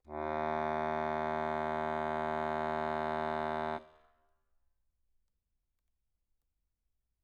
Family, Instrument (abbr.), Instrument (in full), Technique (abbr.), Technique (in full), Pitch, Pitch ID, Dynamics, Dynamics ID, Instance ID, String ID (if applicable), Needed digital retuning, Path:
Keyboards, Acc, Accordion, ord, ordinario, D#2, 39, mf, 2, 1, , FALSE, Keyboards/Accordion/ordinario/Acc-ord-D#2-mf-alt1-N.wav